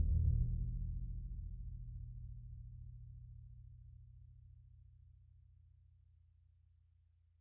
<region> pitch_keycenter=65 lokey=65 hikey=65 volume=23.189661 lovel=55 hivel=83 ampeg_attack=0.004000 ampeg_release=2.000000 sample=Membranophones/Struck Membranophones/Bass Drum 2/bassdrum_roll_fast_mp_rel.wav